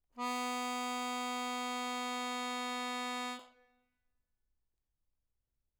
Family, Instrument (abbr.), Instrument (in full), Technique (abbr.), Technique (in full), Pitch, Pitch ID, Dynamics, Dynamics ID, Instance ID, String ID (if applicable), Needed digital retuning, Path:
Keyboards, Acc, Accordion, ord, ordinario, B3, 59, mf, 2, 0, , FALSE, Keyboards/Accordion/ordinario/Acc-ord-B3-mf-N-N.wav